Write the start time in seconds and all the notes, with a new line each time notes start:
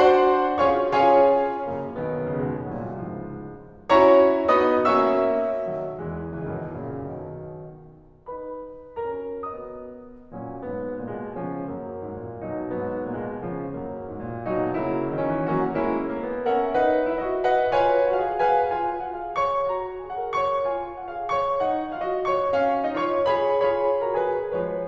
0.01 D4 F#4 C5 F#5 C6
0.70 C#4 F4 G#4 C#5 F5 C#6
0.95 C#4 F4 G#4 C#5 F5 G#5
1.75 F#2 C#3 A#3
1.93 B1 D#3 B3
2.25 C#2 C#3 A#3
2.42 D#2 B2 G#3
2.73 C2 A#2 F#3
2.99 C#2 G#2 F3
3.91 C#4 E4 F#4 C#5 A#5 C#6
4.59 B3 D#4 F#4 D#5 B5 D#6
4.84 A#3 C#4 F#4 E5 C#6 E6
5.74 B1 D#3 F#3
6.02 E2 E3 G#3
6.45 C#2 C#3 E3
6.53 F#2 B2 D#3
6.83 F#2 A#2 C#3
7.20 B1 B2 D#3
8.28 D#4 F#4 B4 B5
9.05 C#4 F#4 A#4 A#5
9.40 B3 F#4 D#5 D#6
10.36 A#2 F#3 C#4
10.65 G#2 F#3 B3
11.04 A#2 A#3
11.12 B2 G#3
11.38 C#3 F3 C#4
11.70 F#2 F#3 A#3
12.05 G#2
12.18 A#2
12.47 B2 F#3 D#4
12.68 G#2 F#3 B3
13.08 A#2 A#3
13.17 B2 G#3
13.43 C#3 F3 C#4
13.75 F#2 F#3 A#3
14.08 G#2
14.19 A#2
14.43 B2 F#3 D#4 F#4
14.75 C#3 F#3 A#3 E4
15.15 D#3 D#4
15.26 E3 C#4
15.45 F#3 A#3 C#4 F#4
15.81 G#3 A#3 C#4 E4
16.14 A#3
16.26 B3
16.47 C#4 A#4 E5 F#5
16.75 D#4 B4 F#5
17.08 E4 E5
17.21 F#4 D#5
17.46 B4 D#5 F#5
17.71 F4 B4 C#5 G#5
18.13 F#4 F#5
18.26 G#4 F5
18.49 C#5 F5 G#5
18.74 F4 G#5
19.10 F#4 F#5
19.23 G#4 F5
19.44 C#5 C#6
19.70 F#4 A#5
20.10 G#4 G#5
20.20 A#4 F#5
20.40 C#5 C#6
20.65 F4 G#5
21.00 F#4 F#5
21.16 G#4 F5
21.36 C#5 C#6
21.65 D#4 F#5
22.02 F4 F5
22.11 F#4 D#5
22.32 C#5 C#6
22.58 C#4 F5
22.88 D#4 D#5
22.99 F4 C#5 C#6
23.31 F4 G#4 B4 B5
23.53 F4 G#4 C#5 B5
23.99 F#4 A#4 A#5
24.15 G#4 B4 G#5
24.51 F3 G#3 B4 C#5